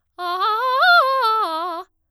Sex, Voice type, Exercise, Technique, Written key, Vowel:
female, soprano, arpeggios, fast/articulated forte, F major, a